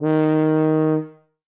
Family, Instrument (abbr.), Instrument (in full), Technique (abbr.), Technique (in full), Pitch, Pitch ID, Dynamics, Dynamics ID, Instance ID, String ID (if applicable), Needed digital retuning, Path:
Brass, BTb, Bass Tuba, ord, ordinario, D#3, 51, ff, 4, 0, , TRUE, Brass/Bass_Tuba/ordinario/BTb-ord-D#3-ff-N-T17u.wav